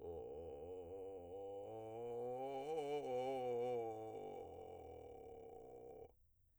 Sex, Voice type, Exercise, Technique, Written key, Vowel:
male, , scales, vocal fry, , o